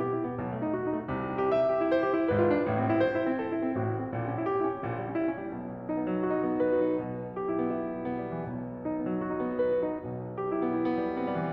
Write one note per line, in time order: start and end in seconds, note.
0.00 0.13 G4
0.14 0.27 E4
0.27 0.39 B3
0.41 0.74 B1
0.41 0.74 B2
0.50 0.62 A3
0.64 0.74 D#4
0.74 0.89 F#4
0.91 1.03 D#4
1.03 1.16 A3
1.16 1.56 C2
1.16 1.56 C3
1.29 1.40 E4
1.42 1.56 G4
1.56 1.66 E5
1.67 1.78 G4
1.78 1.90 E4
1.90 2.01 C5
2.01 2.16 F4
2.16 2.31 D4
2.31 2.62 G#1
2.31 2.62 G#2
2.31 2.43 B4
2.43 2.53 F4
2.53 2.62 D4
2.62 2.98 A1
2.62 2.98 A2
2.75 2.88 C4
2.88 2.98 E4
3.00 3.15 C5
3.15 3.25 E4
3.25 3.38 C4
3.38 3.49 A4
3.51 3.62 E4
3.62 3.76 C4
3.77 4.14 A1
3.77 4.14 A2
3.77 3.89 F#4
3.89 4.02 E4
4.03 4.14 C4
4.14 4.49 A#1
4.14 4.49 A#2
4.26 4.37 C#4
4.37 4.49 E4
4.49 4.59 G4
4.59 4.69 E4
4.70 4.81 C#4
4.81 5.14 A#1
4.81 5.14 A#2
4.95 5.04 G3
5.04 5.14 C#4
5.15 5.25 E4
5.25 5.34 C#4
5.35 5.48 G3
5.48 6.91 B1
5.48 6.91 B2
5.90 6.00 D#4
6.00 6.08 B3
6.08 6.20 F#3
6.20 6.33 F#4
6.33 6.43 D#4
6.43 6.56 B3
6.56 6.66 B4
6.68 6.80 F#4
6.80 6.91 D#4
6.92 8.48 B1
6.92 8.48 B2
7.33 7.45 G4
7.47 7.57 E4
7.57 7.64 B3
7.65 7.78 E4
7.78 7.92 B3
7.93 8.06 G3
8.06 8.16 B3
8.17 8.29 G3
8.29 8.48 E3
8.49 9.96 B1
8.49 9.96 B2
8.85 8.97 D#4
8.99 9.06 B3
9.06 9.16 F#3
9.17 9.30 F#4
9.30 9.44 D#4
9.45 9.60 B3
9.60 9.73 B4
9.73 9.86 F#4
9.86 9.96 D#4
9.96 11.53 B1
9.96 11.53 B2
10.39 10.53 G4
10.53 10.63 E4
10.63 10.74 B3
10.74 10.87 E4
10.88 11.04 B3
11.04 11.19 G3
11.20 11.32 B3
11.32 11.40 G3
11.41 11.53 E3